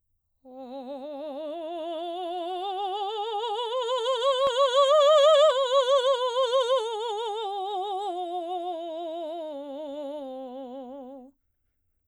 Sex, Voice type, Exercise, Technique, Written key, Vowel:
female, soprano, scales, vibrato, , o